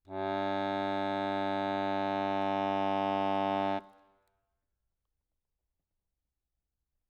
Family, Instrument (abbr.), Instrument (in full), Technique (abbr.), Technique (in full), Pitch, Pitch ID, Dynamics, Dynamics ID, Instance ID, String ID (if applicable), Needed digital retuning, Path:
Keyboards, Acc, Accordion, ord, ordinario, G2, 43, ff, 4, 0, , FALSE, Keyboards/Accordion/ordinario/Acc-ord-G2-ff-N-N.wav